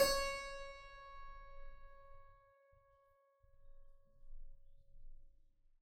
<region> pitch_keycenter=61 lokey=60 hikey=61 volume=2.781465 trigger=attack ampeg_attack=0.004000 ampeg_release=0.40000 amp_veltrack=0 sample=Chordophones/Zithers/Harpsichord, Flemish/Sustains/High/Harpsi_High_Far_C#4_rr1.wav